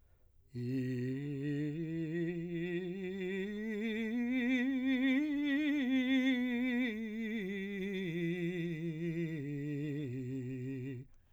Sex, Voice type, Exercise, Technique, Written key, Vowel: male, , scales, slow/legato piano, C major, i